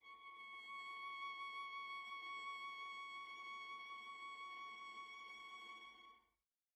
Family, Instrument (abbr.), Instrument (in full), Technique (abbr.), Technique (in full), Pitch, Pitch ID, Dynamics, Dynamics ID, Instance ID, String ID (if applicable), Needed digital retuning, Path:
Strings, Va, Viola, ord, ordinario, C#6, 85, pp, 0, 1, 2, TRUE, Strings/Viola/ordinario/Va-ord-C#6-pp-2c-T11u.wav